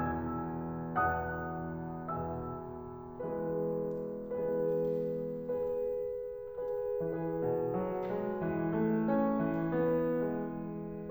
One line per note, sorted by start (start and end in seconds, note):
0.00 1.00 E2
0.00 1.00 B2
0.00 1.00 E3
0.00 1.00 G#5
0.00 1.00 E6
0.00 1.00 G#6
1.00 2.10 E2
1.00 2.10 B2
1.00 2.10 E3
1.00 2.10 F#5
1.00 2.10 A5
1.00 2.10 D#6
1.00 2.10 F#6
2.11 3.17 E2
2.11 3.17 B2
2.11 3.17 E3
2.11 3.17 E5
2.11 3.17 G#5
2.11 3.17 E6
3.17 4.18 E3
3.17 4.18 G#3
3.17 4.18 B3
3.17 4.18 G#4
3.17 4.18 B4
4.19 5.58 E3
4.19 5.58 G#3
4.19 5.58 B3
4.19 5.58 G#4
4.19 5.58 B4
5.58 6.66 G#4
5.58 6.66 B4
6.68 7.01 G#4
6.68 7.01 B4
7.01 7.78 E3
7.01 11.10 G#4
7.01 11.10 B4
7.41 8.45 B2
7.78 8.13 F#3
8.14 8.45 G#3
8.45 9.51 E3
8.77 9.07 A3
9.07 9.88 C#4
9.51 11.10 E3
9.89 10.27 B3
10.27 11.10 G#3